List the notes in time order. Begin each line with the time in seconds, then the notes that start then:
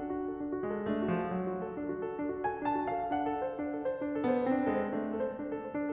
0.00 D4
0.21 F#4
0.34 A4
0.45 D4
0.59 F#4
0.64 G#3
0.73 A4
0.89 A3 D4
0.99 F#4
1.15 F3
1.22 A4
1.32 F#3 D4
1.47 F#4
1.65 A4
1.75 D4
1.93 F#4
2.05 A4
2.18 D4
2.33 F#4
2.40 G#5
2.50 A4
2.62 D4 A5
2.82 F#4
2.88 F5
2.96 A4
3.11 D4 F#5
3.25 A4
3.42 C5
3.59 D4
3.73 A4
3.87 C5
4.05 D4
4.16 A4
4.23 B3
4.38 C5
4.49 C4 D4
4.62 A4
4.68 G#3
4.74 C5
4.91 A3 D4
5.04 A4
5.18 C5
5.32 D4
5.43 A4
5.62 C5
5.78 D4